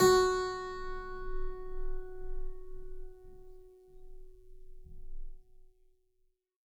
<region> pitch_keycenter=54 lokey=54 hikey=55 volume=-2.374491 trigger=attack ampeg_attack=0.004000 ampeg_release=0.40000 amp_veltrack=0 sample=Chordophones/Zithers/Harpsichord, Flemish/Sustains/High/Harpsi_High_Far_F#3_rr1.wav